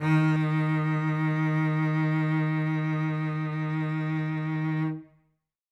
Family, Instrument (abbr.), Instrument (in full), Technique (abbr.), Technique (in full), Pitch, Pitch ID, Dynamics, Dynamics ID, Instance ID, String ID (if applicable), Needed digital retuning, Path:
Strings, Vc, Cello, ord, ordinario, D#3, 51, ff, 4, 3, 4, TRUE, Strings/Violoncello/ordinario/Vc-ord-D#3-ff-4c-T16u.wav